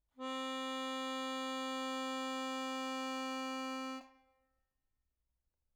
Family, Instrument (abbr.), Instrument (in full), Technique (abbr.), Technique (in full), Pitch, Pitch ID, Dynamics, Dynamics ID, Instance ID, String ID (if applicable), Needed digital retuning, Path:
Keyboards, Acc, Accordion, ord, ordinario, C4, 60, mf, 2, 0, , FALSE, Keyboards/Accordion/ordinario/Acc-ord-C4-mf-N-N.wav